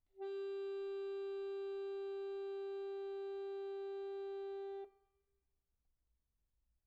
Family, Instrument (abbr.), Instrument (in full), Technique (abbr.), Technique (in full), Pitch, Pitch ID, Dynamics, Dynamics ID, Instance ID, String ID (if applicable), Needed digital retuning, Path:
Keyboards, Acc, Accordion, ord, ordinario, G4, 67, pp, 0, 2, , FALSE, Keyboards/Accordion/ordinario/Acc-ord-G4-pp-alt2-N.wav